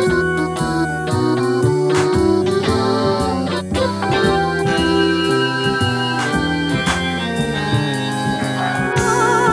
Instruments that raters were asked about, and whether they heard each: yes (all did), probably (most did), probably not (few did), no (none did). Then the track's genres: accordion: probably not
Sound Poetry; Sound Collage; Sound Art